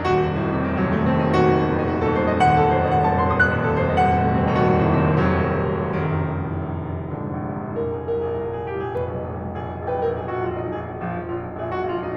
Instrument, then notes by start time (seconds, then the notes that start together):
piano
0.00 D#1 F#4
0.19 F1
0.31 D#1 A2
0.39 F1
0.46 D#1 C3
0.59 F1
0.64 D#1 D#3
0.74 F1
0.79 D#1 F#3
0.87 F1
1.00 D#1 A3
1.07 F1
1.14 D#1 C4
1.21 F1
1.27 D#1 D#4
1.31 F1
1.37 D#1 F#4
1.43 F1
1.56 D#1 A3
1.60 F1
1.66 D#1 C4
1.72 F1
1.80 D#1 D#4
1.85 F1
1.90 D#1 F#4
1.97 F1
2.08 D#1 A4
2.17 F1
2.22 D#1 C5
2.28 F1
2.32 D#1 D#5
2.38 F1
2.44 D#1 F#5
2.51 F1
2.59 D#1 A4
2.64 F1
2.69 D#1 C5
2.74 F1
2.82 D#1 D#5
2.87 F1
2.94 D#1 F#5
2.98 F1
3.04 D#1 A5
3.10 F1
3.18 D#1 C6
3.25 F1
3.30 D#1 D#6
3.37 F1
3.42 D#1 F#6
3.49 F1
3.55 D#1 A4
3.61 F1
3.78 D#1 C5
3.84 F1
3.90 D#1 D#5
3.96 F1
4.03 D#1 F#5
4.18 F1
4.25 D#1 A3
4.31 F1
4.38 D#1 C4
4.46 F1
4.52 D#1 D#4
4.59 F1
4.66 D#1 F#4
4.79 F1
4.92 D#1 A2
5.02 F1
5.11 D#1 C3
5.31 F1
5.40 D#1 D#3
5.48 F1
5.53 D#1 F#3
5.65 F1
5.70 D#1
5.79 F1
5.84 D#1
5.89 F1
5.94 D#1
6.06 F1 A#1 F#2 A2 D#3
6.11 C2
6.16 A#1
6.26 C2
6.50 A#1
6.59 C2
6.71 A#1
6.76 C2
6.82 A#1
6.91 C2
6.97 A#1
7.06 C2
7.15 A#1 F2 G#2 D3
7.26 C2
7.30 A#1
7.73 C2
7.83 A#1 A#4
7.88 C2
7.93 A#1 G#4
7.99 C2
8.09 A#1 A#4
8.15 C2
8.23 A#1 G#4
8.28 C2
8.34 A#1 A#4
8.41 C2
8.49 A#1 G#4
8.53 C2
8.64 A#1 G4
8.70 C2
8.78 A#1 G#4
8.84 C2
8.90 A#1 B4
8.97 C2
9.03 A#1
9.13 C2
9.20 A#1 G#3
9.25 C2
9.32 A#1
9.39 C2
9.44 A#1 G#4
9.57 C2
9.73 A#1
9.79 C2
9.89 A#1 B4 G5
10.02 C2
10.14 A#1 A#4
10.18 C2
10.24 A#1 G#4 G#5
10.30 C2
10.36 A#1 G4
10.40 C2
10.46 A#1 F4
10.52 C2
10.57 A#1 D#4
10.67 C2
10.73 A#1 G#4
10.79 C2
10.90 A#1
10.99 C2
11.04 A#1 F3
11.10 A#1 C2
11.19 C2
11.26 A#1 F4
11.31 C2
11.37 A#1
11.41 C2
11.49 A#1 G#4 E5
11.54 C2
11.71 A#1 F#4
11.76 C2
11.82 A#1 F4 F5
11.98 C2
12.06 A#1 D#4
12.12 C2